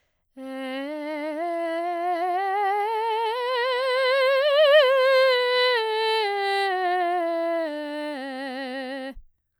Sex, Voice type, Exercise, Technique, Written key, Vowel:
female, soprano, scales, slow/legato piano, C major, e